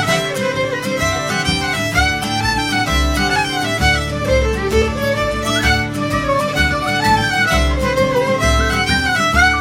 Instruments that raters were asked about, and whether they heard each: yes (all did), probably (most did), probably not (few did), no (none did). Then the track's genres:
voice: no
mandolin: probably not
cymbals: no
ukulele: no
violin: probably
International; Celtic